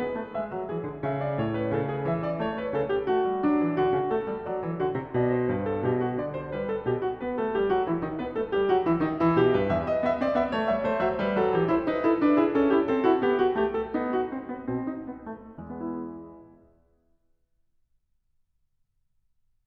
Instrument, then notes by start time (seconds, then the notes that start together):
piano
0.00 B3 B4
0.20 A3
0.37 G#3 E5
0.56 F#3
0.71 E3 G#4
0.80 D3
1.00 C#3 E5
1.18 D5
1.38 A2 C#5
1.53 B4
1.73 C#3 A4
1.90 G#4
2.05 E3 E5
2.25 D5
2.43 A3 C#5
2.58 B4
2.74 C#3 A4
2.89 G4
3.04 A3 F#4
3.25 G3
3.44 F#3 D4
3.62 E3
3.75 D3 F#4
3.94 C#3
4.14 A3 A4
4.30 G3
4.48 F#3 D5
4.66 E3
4.81 D3 F#4
4.97 C3
5.12 B2 D5
5.32 C5
5.49 G2 B4
5.67 A4
5.84 B2 G4
5.97 F#4
6.16 D3 D5
6.33 C5
6.51 G3 B4
6.70 A4
6.86 B2 G4
6.95 F#4
7.17 B3 B4
7.37 A3 A4
7.55 G3 G4
7.69 F#3 F#4
7.83 E3 E4
8.01 D#3 D#4
8.19 B3 B4
8.36 A3 A4
8.54 G3 G4
8.66 F#3 F#4
8.85 E3 E4
9.02 D#3 D#4
9.20 E3 E4
9.39 B2 G4
9.54 G2 B4
9.67 E2 E5
9.85 D#5
10.01 B3 E5
10.17 C4 D5
10.31 B3 E5
10.51 A3 C#5
10.67 G3 E5
10.83 A3 C5
11.05 F#3 E5
11.23 G3 B4
11.39 F#3 A4
11.52 E3 G4
11.69 E4 C5
11.90 D#4 B4
12.07 E4 A4
12.17 D4 B4
12.34 E4 G#4
12.53 C#4 A4
12.74 E4 G4
12.88 C4 A4
13.04 E4 F#4
13.24 B3 G4
13.39 F#4
13.60 A3 G4
13.78 A4
13.93 B3 D#4
14.12 F#4
14.30 C4
14.47 B3
14.63 B2 C4
14.86 D4
15.06 B3
15.33 A3
15.59 E2 G#3
15.77 B3
15.88 E4